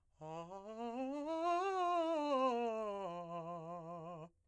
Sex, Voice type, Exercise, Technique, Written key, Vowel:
male, , scales, fast/articulated piano, F major, a